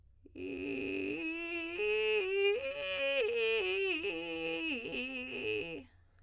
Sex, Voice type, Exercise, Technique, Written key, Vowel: female, soprano, arpeggios, vocal fry, , i